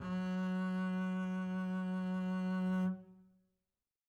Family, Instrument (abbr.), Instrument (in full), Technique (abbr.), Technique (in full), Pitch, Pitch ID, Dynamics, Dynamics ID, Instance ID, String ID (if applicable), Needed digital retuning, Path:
Strings, Cb, Contrabass, ord, ordinario, F#3, 54, mf, 2, 1, 2, TRUE, Strings/Contrabass/ordinario/Cb-ord-F#3-mf-2c-T14u.wav